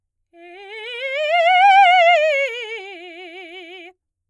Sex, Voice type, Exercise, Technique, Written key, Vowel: female, soprano, scales, fast/articulated forte, F major, e